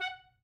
<region> pitch_keycenter=78 lokey=77 hikey=80 volume=20.820444 lovel=0 hivel=83 ampeg_attack=0.004000 ampeg_release=2.500000 sample=Aerophones/Reed Aerophones/Saxello/Staccato/Saxello_Stcts_MainSpirit_F#4_vl1_rr5.wav